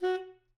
<region> pitch_keycenter=66 lokey=66 hikey=67 tune=4 volume=18.117540 lovel=0 hivel=83 ampeg_attack=0.004000 ampeg_release=1.500000 sample=Aerophones/Reed Aerophones/Tenor Saxophone/Staccato/Tenor_Staccato_Main_F#3_vl1_rr3.wav